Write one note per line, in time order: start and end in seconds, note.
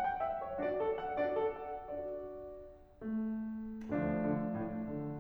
0.00 0.19 G5
0.21 0.42 E5
0.43 0.59 C#5
0.62 1.20 D4
0.62 1.20 F#4
0.62 0.79 D5
0.80 0.99 A4
1.00 1.20 F#5
1.21 1.89 D4
1.21 1.89 F#4
1.21 1.40 D5
1.42 1.64 A4
1.66 1.89 F#5
2.01 3.01 D4
2.01 3.01 F#4
2.01 3.01 D5
3.02 3.90 A3
3.94 4.26 D2
3.94 5.19 F3
3.94 5.19 A3
3.94 5.19 D4
4.27 4.56 D3
4.56 4.85 A2
4.86 5.19 D3